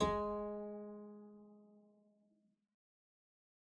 <region> pitch_keycenter=56 lokey=56 hikey=57 volume=9.348472 trigger=attack ampeg_attack=0.004000 ampeg_release=0.350000 amp_veltrack=0 sample=Chordophones/Zithers/Harpsichord, English/Sustains/Lute/ZuckermannKitHarpsi_Lute_Sus_G#2_rr1.wav